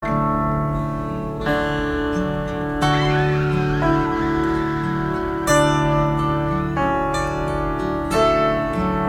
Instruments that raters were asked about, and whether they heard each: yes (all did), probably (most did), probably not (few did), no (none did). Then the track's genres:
piano: probably
Psych-Rock; Indie-Rock; Experimental Pop